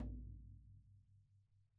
<region> pitch_keycenter=63 lokey=63 hikey=63 volume=25.307972 lovel=0 hivel=65 seq_position=1 seq_length=2 ampeg_attack=0.004000 ampeg_release=30.000000 sample=Membranophones/Struck Membranophones/Snare Drum, Rope Tension/Low/RopeSnare_low_ns_Main_vl1_rr3.wav